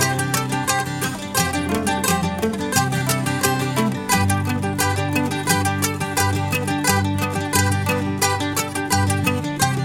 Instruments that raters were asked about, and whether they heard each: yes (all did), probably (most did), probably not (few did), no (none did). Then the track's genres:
ukulele: probably
banjo: probably
mandolin: yes
cymbals: no
Country; Folk